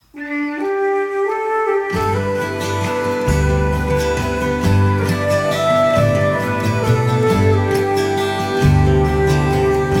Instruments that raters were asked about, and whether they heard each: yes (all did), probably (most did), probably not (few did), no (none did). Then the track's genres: clarinet: yes
flute: yes
Folk; New Age